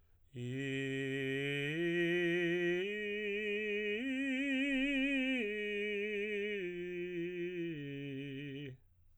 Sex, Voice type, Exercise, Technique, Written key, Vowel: male, tenor, arpeggios, slow/legato piano, C major, i